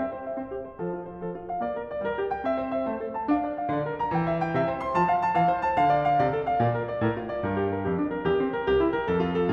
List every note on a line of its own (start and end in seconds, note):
0.00 0.38 C4
0.00 0.16 E5
0.16 0.29 C5
0.29 0.39 E5
0.39 0.78 C4
0.39 0.52 C5
0.52 0.64 G4
0.64 0.79 C5
0.79 1.22 F3
0.79 0.94 A4
0.94 1.10 F4
1.10 1.24 C5
1.24 1.64 F3
1.24 1.39 A4
1.39 1.53 F4
1.53 1.66 F5
1.66 2.04 A#3
1.66 1.79 D5
1.79 1.93 A#4
1.93 2.07 D5
2.07 2.47 G3
2.07 2.22 A#4
2.22 2.35 G4
2.35 2.50 G5
2.50 2.84 C4
2.50 2.65 E5
2.65 2.75 C5
2.75 2.87 E5
2.87 3.26 A3
2.87 3.02 C5
3.02 3.13 A4
3.13 3.29 A5
3.29 3.72 D4
3.29 3.45 F5
3.45 3.58 D5
3.58 3.75 F5
3.75 4.14 D3
3.75 3.90 D5
3.90 4.03 A#4
4.03 4.17 A#5
4.17 4.60 E3
4.17 4.33 G5
4.33 4.48 E5
4.48 4.62 G5
4.62 4.96 C3
4.62 4.73 E5
4.73 4.83 C5
4.83 4.98 C6
4.98 5.34 F3
4.98 5.11 A5
5.11 5.22 F5
5.22 5.36 A5
5.36 5.77 E3
5.36 5.50 F5
5.50 5.65 C5
5.65 5.79 A5
5.79 6.20 D3
5.79 5.93 F5
5.93 6.07 D5
6.07 6.22 F5
6.22 6.59 C3
6.22 6.34 D5
6.34 6.48 A4
6.48 6.62 F5
6.62 7.00 A#2
6.62 6.75 D5
6.75 6.87 A#4
6.87 7.04 D5
7.04 7.42 A2
7.04 7.19 A#4
7.19 7.31 F4
7.31 7.44 D5
7.44 7.81 G2
7.44 7.56 A#4
7.56 7.71 G4
7.71 7.84 A#4
7.84 8.22 F2
7.84 7.94 G4
7.94 8.12 D4
8.12 8.24 A#4
8.24 8.64 E2
8.24 8.39 G4
8.39 8.51 C4
8.51 8.66 A#4
8.66 9.06 C2
8.66 8.79 G4
8.79 8.90 E4
8.90 9.09 A#4
9.09 9.51 F2
9.09 9.22 A4
9.22 9.36 F4
9.36 9.53 A4